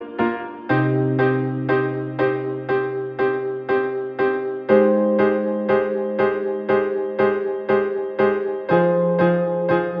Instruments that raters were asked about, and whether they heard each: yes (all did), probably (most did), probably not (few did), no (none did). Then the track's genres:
piano: yes
Pop; Electronic; Folk; Indie-Rock